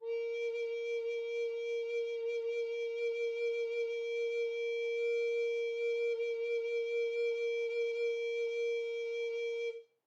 <region> pitch_keycenter=70 lokey=70 hikey=71 tune=-2 volume=16.342269 offset=303 ampeg_attack=0.004000 ampeg_release=0.300000 sample=Aerophones/Edge-blown Aerophones/Baroque Alto Recorder/SusVib/AltRecorder_SusVib_A#3_rr1_Main.wav